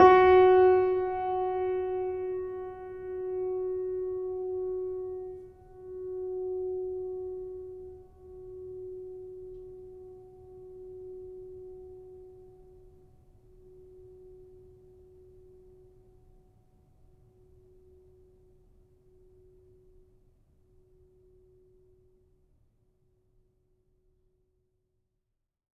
<region> pitch_keycenter=66 lokey=66 hikey=67 volume=2.264634 lovel=0 hivel=65 locc64=65 hicc64=127 ampeg_attack=0.004000 ampeg_release=0.400000 sample=Chordophones/Zithers/Grand Piano, Steinway B/Sus/Piano_Sus_Close_F#4_vl2_rr1.wav